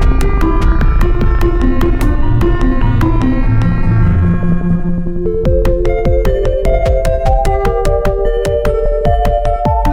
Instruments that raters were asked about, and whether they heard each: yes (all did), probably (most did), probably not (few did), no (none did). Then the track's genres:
synthesizer: yes
Contemporary Classical